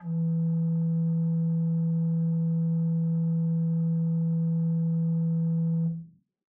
<region> pitch_keycenter=40 lokey=40 hikey=41 offset=20 ampeg_attack=0.004000 ampeg_release=0.300000 amp_veltrack=0 sample=Aerophones/Edge-blown Aerophones/Renaissance Organ/4'/RenOrgan_4foot_Room_E1_rr1.wav